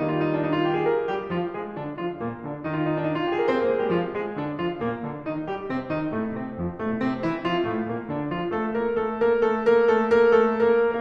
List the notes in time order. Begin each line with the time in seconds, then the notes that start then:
0.01 D#3 G3 A#3 D#4
0.17 F4
0.30 D#4
0.40 D4
0.52 D#4
0.62 F4
0.73 G4
0.84 G#4
0.92 A#4
1.11 G3 G4
1.29 F3 F4
1.56 G#3 G#4
1.75 D3 D4
1.98 F3 F4
2.18 A#2 A#3
2.39 D3 D4
2.64 D#3 D#4
2.76 F4
2.86 D#4
2.95 D4
3.06 D#4
3.18 F4
3.28 G4
3.42 G#4
3.52 C4 C5
3.65 A#3 A#4
3.79 G#3 G#4
3.88 G3 G4
3.98 F3 F4
4.19 G#3 G#4
4.37 D3 D4
4.58 F3 F4
4.85 A#2 A#3
5.09 D3 D4
5.31 D#3 D#4
5.50 G3 G4
5.74 C3 C4
5.94 D#3 D#4
6.16 A2 A3
6.37 C3 C4
6.60 F2 F3
6.77 A2 A3
7.00 C3 C4
7.22 E3 E4
7.45 F3 F4
7.70 A2 A3
7.91 A#2 A#3
8.14 D3 D4
8.35 F3 F4
8.56 A3 A4
8.81 A#3 A#4
9.04 A3 A4
9.31 A#3 A#4
9.56 A3 A4
9.85 A#3 A#4
10.29 A3 A4
10.68 A#3 A#4